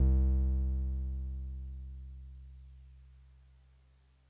<region> pitch_keycenter=36 lokey=35 hikey=38 volume=11.546789 lovel=66 hivel=99 ampeg_attack=0.004000 ampeg_release=0.100000 sample=Electrophones/TX81Z/Piano 1/Piano 1_C1_vl2.wav